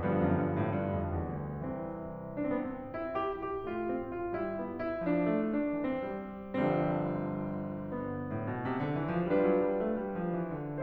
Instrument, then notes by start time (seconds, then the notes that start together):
piano
0.00 G2 D3 F3 G3 B3
0.15 F#2
0.33 G2
0.55 A2
0.72 G2
0.92 F2
1.08 E2
1.24 D2
1.59 C2 E3 C4
2.40 D4
2.50 B3 C4
2.59 C4
2.95 E4
3.20 G4
3.42 G4
3.65 A3 F4
3.87 C4
4.10 F4
4.34 G3 E4
4.63 B3
4.82 E4
5.04 F3 D4
5.31 A3
5.51 D4
5.84 E3 C4
6.05 G3
6.57 G1 G2 D3 F3 G3 C4
7.93 B3
8.32 A2
8.50 B2
8.65 C3
8.81 D3
8.99 E3
9.17 F3
9.35 G3 D4 F4 G4 B4
9.51 F#3
9.65 G3
9.80 A3
10.01 G3
10.15 F3
10.33 E3
10.52 D3